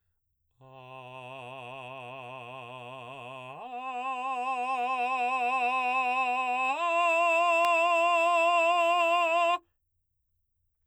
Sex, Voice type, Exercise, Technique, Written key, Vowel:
male, baritone, long tones, full voice forte, , a